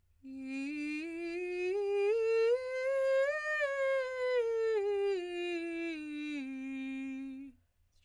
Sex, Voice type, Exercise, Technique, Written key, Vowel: female, soprano, scales, straight tone, , i